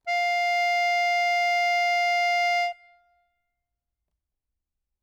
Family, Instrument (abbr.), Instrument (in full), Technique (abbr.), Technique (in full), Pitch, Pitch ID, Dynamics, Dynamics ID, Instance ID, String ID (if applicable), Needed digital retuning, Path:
Keyboards, Acc, Accordion, ord, ordinario, F5, 77, ff, 4, 1, , FALSE, Keyboards/Accordion/ordinario/Acc-ord-F5-ff-alt1-N.wav